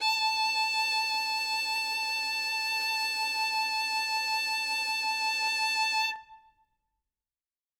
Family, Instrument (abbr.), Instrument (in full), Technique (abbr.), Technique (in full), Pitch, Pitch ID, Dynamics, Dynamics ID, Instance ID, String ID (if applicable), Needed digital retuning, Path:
Strings, Vn, Violin, ord, ordinario, A5, 81, ff, 4, 1, 2, FALSE, Strings/Violin/ordinario/Vn-ord-A5-ff-2c-N.wav